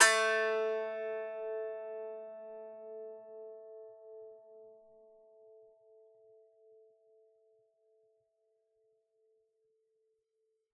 <region> pitch_keycenter=57 lokey=57 hikey=58 volume=-3.888565 lovel=100 hivel=127 ampeg_attack=0.004000 ampeg_release=15.000000 sample=Chordophones/Composite Chordophones/Strumstick/Finger/Strumstick_Finger_Str2_Main_A2_vl3_rr1.wav